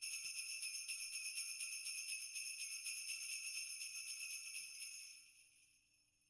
<region> pitch_keycenter=64 lokey=64 hikey=64 volume=15.000000 ampeg_attack=0.004000 ampeg_release=1.000000 sample=Idiophones/Struck Idiophones/Sleigh Bells/sleighbell2_shake1.wav